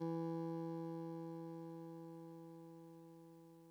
<region> pitch_keycenter=40 lokey=39 hikey=42 tune=-4 volume=25.898792 lovel=0 hivel=65 ampeg_attack=0.004000 ampeg_release=0.100000 sample=Electrophones/TX81Z/Clavisynth/Clavisynth_E1_vl1.wav